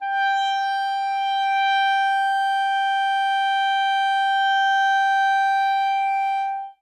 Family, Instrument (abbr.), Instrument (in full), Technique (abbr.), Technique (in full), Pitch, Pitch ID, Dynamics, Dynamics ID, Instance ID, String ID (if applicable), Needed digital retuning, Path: Winds, ClBb, Clarinet in Bb, ord, ordinario, G5, 79, ff, 4, 0, , TRUE, Winds/Clarinet_Bb/ordinario/ClBb-ord-G5-ff-N-T12u.wav